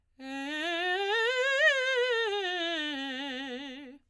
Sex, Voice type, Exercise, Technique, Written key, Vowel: female, soprano, scales, fast/articulated forte, C major, e